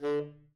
<region> pitch_keycenter=50 lokey=50 hikey=51 tune=6 volume=18.555118 lovel=0 hivel=83 ampeg_attack=0.004000 ampeg_release=1.500000 sample=Aerophones/Reed Aerophones/Tenor Saxophone/Staccato/Tenor_Staccato_Main_D2_vl1_rr5.wav